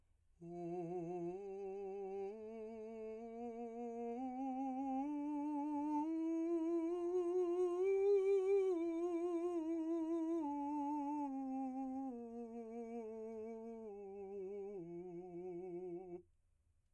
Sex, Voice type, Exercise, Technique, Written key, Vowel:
male, , scales, slow/legato piano, F major, u